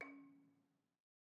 <region> pitch_keycenter=61 lokey=60 hikey=63 volume=23.072175 offset=209 lovel=0 hivel=65 ampeg_attack=0.004000 ampeg_release=30.000000 sample=Idiophones/Struck Idiophones/Balafon/Traditional Mallet/EthnicXylo_tradM_C#3_vl1_rr1_Mid.wav